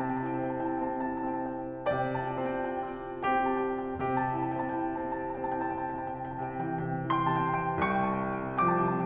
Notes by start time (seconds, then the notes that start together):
0.00 C3 A5
0.21 G5
0.27 E4
0.34 A5
0.48 C4
0.65 G5
0.78 E4 A5
0.89 G5
0.94 C4
1.01 A5
1.09 E4 G5
1.28 C4 A5
1.47 E4 G5
1.60 A5
1.73 C4
1.78 G5
1.89 C3 D5 A5
2.23 F4 G5
2.36 A5
2.51 C4
2.58 G5
2.79 F4 A5
2.93 G5
2.97 C4
3.08 A5
3.18 F4 G5
3.30 C4 G4 A5
3.41 G5
3.54 F4
3.61 A5
3.67 C4 G5
4.05 C3 G4 A5
4.25 G5
4.30 E4
4.39 A5
4.57 C4
4.66 G5
4.79 E4 A5
4.91 C4 G5
5.03 A5
5.09 E4
5.14 G5
5.36 C4 A5
5.51 G5
5.57 E4
5.63 A5
5.70 C4 G5
6.14 C3 A5
6.48 E3 G5
6.58 A5
6.64 C3 G5
6.77 E3 A5
6.90 G5
6.94 C3
7.00 A5
7.11 E3 G5
7.38 C3 A5 C6
7.63 G5
7.74 E3
7.83 A5
7.89 C3 G5
8.08 C2 A5 C#6
8.28 F3 G5
8.37 A5
8.43 C3 G5
8.58 F3 A5 D6
8.66 C3 G5
8.75 A5
8.81 F3
8.86 G5